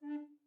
<region> pitch_keycenter=62 lokey=62 hikey=63 tune=-4 volume=14.860783 offset=541 ampeg_attack=0.004000 ampeg_release=10.000000 sample=Aerophones/Edge-blown Aerophones/Baroque Bass Recorder/Staccato/BassRecorder_Stac_D3_rr1_Main.wav